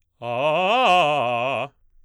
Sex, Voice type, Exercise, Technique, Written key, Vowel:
male, baritone, arpeggios, fast/articulated forte, C major, a